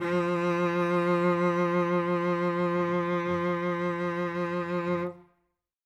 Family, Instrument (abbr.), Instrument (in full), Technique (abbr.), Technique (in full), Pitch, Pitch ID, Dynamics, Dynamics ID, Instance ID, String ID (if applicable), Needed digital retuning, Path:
Strings, Vc, Cello, ord, ordinario, F3, 53, ff, 4, 3, 4, TRUE, Strings/Violoncello/ordinario/Vc-ord-F3-ff-4c-T14u.wav